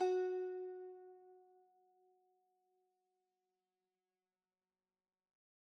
<region> pitch_keycenter=66 lokey=65 hikey=67 volume=11.534837 lovel=0 hivel=65 ampeg_attack=0.004000 ampeg_release=0.300000 sample=Chordophones/Zithers/Dan Tranh/Normal/F#3_mf_1.wav